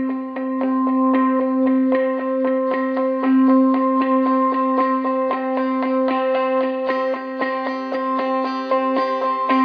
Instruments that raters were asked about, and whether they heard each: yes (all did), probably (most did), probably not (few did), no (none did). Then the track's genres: mandolin: no
banjo: no
ukulele: no
Post-Rock; Experimental; Ambient; Lounge